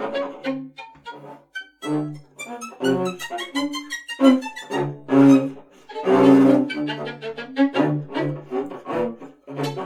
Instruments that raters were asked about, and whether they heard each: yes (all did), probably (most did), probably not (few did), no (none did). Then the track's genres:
clarinet: no
trombone: probably not
accordion: no
Avant-Garde; Soundtrack; Noise; Psych-Folk; Experimental; Free-Jazz; Freak-Folk; Unclassifiable; Musique Concrete; Improv; Sound Art; Contemporary Classical; Instrumental